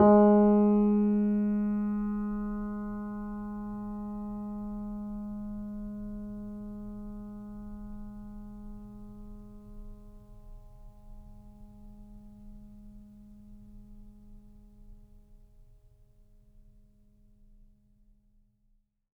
<region> pitch_keycenter=56 lokey=56 hikey=57 volume=-1.974325 lovel=0 hivel=65 locc64=0 hicc64=64 ampeg_attack=0.004000 ampeg_release=0.400000 sample=Chordophones/Zithers/Grand Piano, Steinway B/NoSus/Piano_NoSus_Close_G#3_vl2_rr1.wav